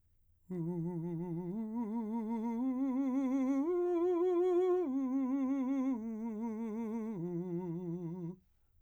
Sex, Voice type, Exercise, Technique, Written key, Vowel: male, , arpeggios, slow/legato piano, F major, u